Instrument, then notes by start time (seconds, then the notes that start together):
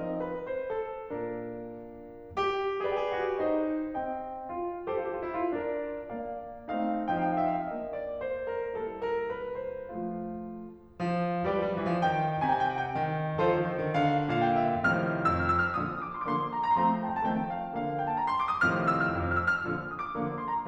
piano
0.01 F3 C4 D#4 D#5
0.20 B4
0.50 C5
0.75 A4
1.10 A#2 A#3 D4 A#4
2.31 G4
2.86 G4 B4 D5
2.91 G#4
2.98 G4
3.04 G#4
3.11 G4
3.22 G#4
3.27 F#4
3.34 G4
3.41 D#4 C5 D#5
3.92 C4 D#5 G5
4.48 F4
4.86 F4 A4 C5
4.92 G4
4.97 F4
5.02 G4
5.12 F4
5.17 G4
5.24 E4
5.31 F4
5.55 D4 A#4 D5
6.20 A#3 D5 F5
6.69 A3 C4 D#4 F5
7.13 F3 C4 D#4 F5
7.20 G5
7.33 F5
7.38 G5
7.43 F5
7.49 G5
7.62 E5
7.70 F5
7.78 A#3 D4 D#5
8.00 D5
8.22 C5
8.54 A#4
8.86 G3 A#3 E4 A4
9.08 A#4
9.35 B4
9.60 C5
9.86 F3 A3 F4
10.97 F3
11.40 F3 G4 B4 D5
11.46 G3
11.51 F3
11.58 G3
11.64 F3
11.69 G3
11.75 E3
11.87 F3
11.92 D#3 G5
12.38 C3 G5
12.43 G#5
12.48 G5
12.54 G#5
12.60 G5
12.67 G#5
12.72 F#5
12.79 G5
12.85 D#3
13.39 D#3 F4 A4 C5
13.43 F3
13.56 D#3
13.62 F3
13.66 D#3
13.72 F3
13.78 D3
13.83 D#3
13.91 D3 F5
14.38 A#2 F5
14.43 G5
14.50 F5
14.56 G5
14.61 F5
14.66 G5
14.71 E5
14.76 F5
14.81 A2 C3 D#3 F3 F6
15.24 F2 E6
15.34 F6
15.49 E6
15.62 F6
15.74 A#2 D3 F3 D#6
15.99 D6
16.28 D3 F3 A#3 C6
16.34 D6
16.39 C6
16.50 A#5
16.76 F3 A3 C4 A#5 C6
16.86 A#5
17.02 A5
17.25 D#3 F3 A3 C4 G5
17.31 A5
17.36 G5
17.52 F5
17.77 D3 F3 A#3 F5
18.02 G5
18.11 A5
18.22 A#5
18.31 C6
18.41 D6
18.54 D#6
18.66 A2 C3 D#3 F3 F6
18.87 E6
19.04 F6
19.16 F2 E6
19.30 F6
19.41 E6
19.55 F6
19.68 A#2 D3 F3
19.88 D#6
20.00 D6
20.17 D3 F3 A#3
20.41 C6
20.53 A#5